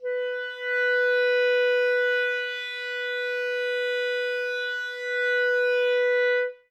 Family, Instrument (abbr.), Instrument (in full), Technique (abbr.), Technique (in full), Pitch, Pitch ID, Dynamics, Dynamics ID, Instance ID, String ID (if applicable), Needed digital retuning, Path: Winds, ClBb, Clarinet in Bb, ord, ordinario, B4, 71, ff, 4, 0, , TRUE, Winds/Clarinet_Bb/ordinario/ClBb-ord-B4-ff-N-T21u.wav